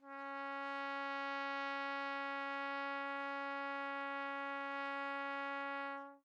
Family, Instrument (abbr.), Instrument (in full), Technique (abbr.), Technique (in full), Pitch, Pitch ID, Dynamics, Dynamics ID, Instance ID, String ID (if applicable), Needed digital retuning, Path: Brass, TpC, Trumpet in C, ord, ordinario, C#4, 61, mf, 2, 0, , TRUE, Brass/Trumpet_C/ordinario/TpC-ord-C#4-mf-N-T17u.wav